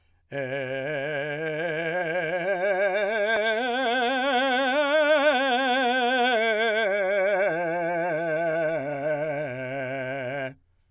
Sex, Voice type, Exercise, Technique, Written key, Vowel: male, , scales, vibrato, , e